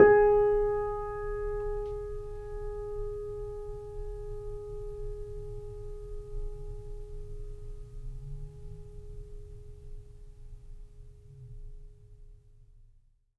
<region> pitch_keycenter=68 lokey=68 hikey=69 volume=-1.639306 lovel=0 hivel=65 locc64=0 hicc64=64 ampeg_attack=0.004000 ampeg_release=0.400000 sample=Chordophones/Zithers/Grand Piano, Steinway B/NoSus/Piano_NoSus_Close_G#4_vl2_rr1.wav